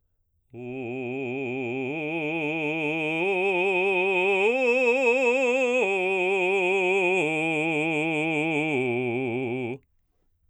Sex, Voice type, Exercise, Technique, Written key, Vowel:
male, baritone, arpeggios, slow/legato forte, C major, u